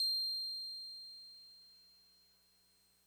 <region> pitch_keycenter=108 lokey=107 hikey=109 volume=21.338213 lovel=0 hivel=65 ampeg_attack=0.004000 ampeg_release=0.100000 sample=Electrophones/TX81Z/Piano 1/Piano 1_C7_vl1.wav